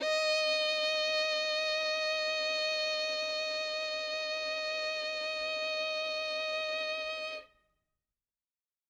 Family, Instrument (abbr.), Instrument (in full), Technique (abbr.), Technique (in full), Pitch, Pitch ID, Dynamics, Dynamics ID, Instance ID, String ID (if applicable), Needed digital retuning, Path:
Strings, Vn, Violin, ord, ordinario, D#5, 75, ff, 4, 3, 4, FALSE, Strings/Violin/ordinario/Vn-ord-D#5-ff-4c-N.wav